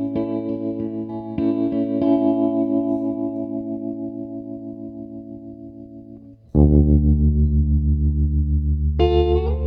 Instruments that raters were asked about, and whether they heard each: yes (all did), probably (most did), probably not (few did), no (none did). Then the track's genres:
guitar: probably
bass: probably not
Folk; Experimental